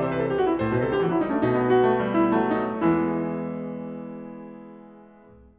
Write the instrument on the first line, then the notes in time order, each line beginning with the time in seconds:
piano
0.00 C5
0.10 B4
0.22 A4
0.28 G4
0.38 F#4
0.49 E4
0.56 A2
0.60 C5
0.70 B2 B4
0.79 C3
0.84 A4
0.94 D3 G4
1.02 E3 F#4
1.14 F#3 E4
1.23 G3 D#4
1.34 A3 C#4
1.40 B2
1.45 D#4
1.59 B3
1.76 F#4
1.88 A3
2.00 G3
2.15 E4
2.24 F#3
2.32 A3
2.57 D#4
2.84 E2 E3
2.96 G#3 B3 E4